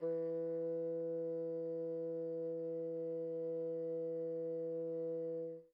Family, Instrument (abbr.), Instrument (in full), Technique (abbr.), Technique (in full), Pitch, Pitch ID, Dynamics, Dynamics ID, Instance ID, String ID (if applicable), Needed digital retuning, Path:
Winds, Bn, Bassoon, ord, ordinario, E3, 52, pp, 0, 0, , TRUE, Winds/Bassoon/ordinario/Bn-ord-E3-pp-N-T13d.wav